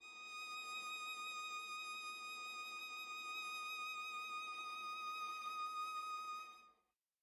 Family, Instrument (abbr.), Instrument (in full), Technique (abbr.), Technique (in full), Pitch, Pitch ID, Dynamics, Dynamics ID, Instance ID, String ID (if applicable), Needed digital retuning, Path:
Strings, Va, Viola, ord, ordinario, D#6, 87, mf, 2, 0, 1, TRUE, Strings/Viola/ordinario/Va-ord-D#6-mf-1c-T13u.wav